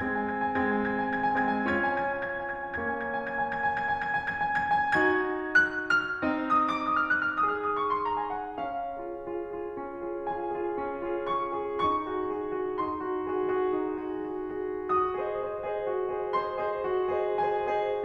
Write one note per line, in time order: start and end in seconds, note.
0.01 0.48 G#3
0.01 0.48 C4
0.01 0.10 G#6
0.11 0.21 G#5
0.23 0.34 G#6
0.35 0.48 G#5
0.49 1.46 G#3
0.49 1.46 C4
0.49 0.64 G#6
0.66 0.75 G#5
0.76 0.91 G#6
0.96 1.17 G#5
1.18 1.34 G#6
1.35 1.46 G#5
1.46 1.68 G#3
1.46 1.68 C4
1.46 1.56 G#6
1.56 1.68 G#5
1.69 2.76 C#4
1.69 2.76 F4
1.69 1.81 G#6
1.82 1.93 G#5
1.96 2.07 G#6
2.08 2.21 G#5
2.22 2.35 G#6
2.36 2.47 G#5
2.48 2.59 G#6
2.61 2.76 G#5
2.77 4.95 A#3
2.77 4.95 C#4
2.77 2.89 G#6
2.90 3.00 G#5
3.01 3.13 G#6
3.14 3.26 G#5
3.26 3.35 G#6
3.36 3.48 G#5
3.49 3.60 G#6
3.62 3.74 G#5
3.76 3.87 G#6
3.88 3.99 G#5
3.99 4.13 G#6
4.14 4.28 G#5
4.30 4.42 G#6
4.43 4.53 G#5
4.56 4.74 G#6
4.77 4.95 G#5
4.95 6.21 D#4
4.95 6.21 F#4
4.95 5.64 G#6
5.64 5.89 F#6
5.90 6.48 F6
6.22 8.57 C4
6.22 7.41 D#4
6.50 6.66 D#6
6.67 6.82 D6
6.83 7.00 D#6
7.01 7.12 F6
7.15 7.26 F#6
7.27 7.41 F6
7.41 8.57 D#4
7.41 8.57 G#4
7.41 7.52 D#6
7.53 7.65 F6
7.66 7.76 D#6
7.77 7.89 C#6
7.90 8.10 C6
8.11 8.26 A#5
8.27 8.42 G#5
8.43 8.57 F#5
8.59 8.90 C#4
8.59 10.26 F5
8.91 9.14 F4
8.91 9.14 G#4
9.15 9.41 F4
9.15 9.41 G#4
9.42 9.75 F4
9.42 9.75 G#4
9.76 10.00 C#4
10.01 10.26 F4
10.01 10.26 G#4
10.27 10.58 F4
10.27 10.58 G#4
10.27 11.38 G#5
10.58 10.86 F4
10.58 10.86 G#4
10.86 11.14 C#4
11.15 11.38 F4
11.15 11.38 G#4
11.40 11.67 F4
11.40 11.67 G#4
11.40 11.93 C#6
11.69 11.93 F4
11.69 11.93 G#4
11.94 12.15 D#4
11.94 12.82 C#6
12.16 12.39 F#4
12.16 12.39 G#4
12.41 12.56 F#4
12.41 12.56 G#4
12.56 12.82 F#4
12.56 12.82 G#4
12.82 13.07 D#4
12.82 14.94 C6
13.10 13.32 F#4
13.10 13.32 G#4
13.33 13.53 F#4
13.33 13.53 G#4
13.54 13.79 F#4
13.54 13.79 G#4
13.80 14.03 D#4
14.04 14.32 F#4
14.04 14.32 G#4
14.33 14.56 F#4
14.33 14.56 G#4
14.59 14.94 F#4
14.59 14.94 G#4
14.94 15.20 F#4
14.94 16.34 D#6
15.21 15.47 G#4
15.21 15.47 C5
15.21 15.47 D#5
15.48 15.63 G#4
15.48 15.63 C5
15.48 15.63 D#5
15.64 15.87 G#4
15.64 15.87 C5
15.64 15.87 D#5
15.88 16.11 F#4
16.12 16.34 G#4
16.12 16.34 C5
16.12 16.34 D#5
16.35 16.60 G#4
16.35 16.60 C5
16.35 16.60 D#5
16.35 17.36 C6
16.61 16.85 G#4
16.61 16.85 C5
16.61 16.85 D#5
16.85 17.12 F#4
17.13 17.36 G#4
17.13 17.36 C5
17.13 17.36 D#5
17.37 17.76 G#4
17.37 17.76 C5
17.37 17.76 D#5
17.37 18.04 G#5
17.77 18.04 G#4
17.77 18.04 C5
17.77 18.04 D#5